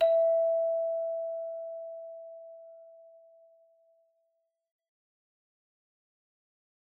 <region> pitch_keycenter=76 lokey=76 hikey=77 tune=-2 volume=11.247642 ampeg_attack=0.004000 ampeg_release=30.000000 sample=Idiophones/Struck Idiophones/Hand Chimes/sus_E4_r01_main.wav